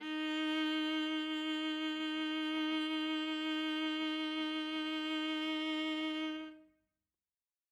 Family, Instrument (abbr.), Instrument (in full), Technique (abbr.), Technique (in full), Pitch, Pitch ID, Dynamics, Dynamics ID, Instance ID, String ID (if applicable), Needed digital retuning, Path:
Strings, Va, Viola, ord, ordinario, D#4, 63, ff, 4, 1, 2, FALSE, Strings/Viola/ordinario/Va-ord-D#4-ff-2c-N.wav